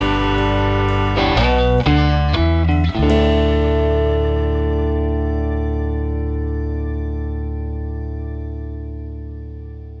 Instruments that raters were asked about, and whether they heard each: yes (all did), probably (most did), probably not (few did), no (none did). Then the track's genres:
organ: probably
Pop; Folk; Singer-Songwriter